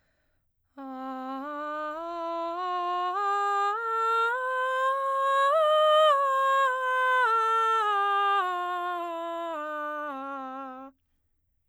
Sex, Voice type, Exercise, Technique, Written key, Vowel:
female, soprano, scales, breathy, , a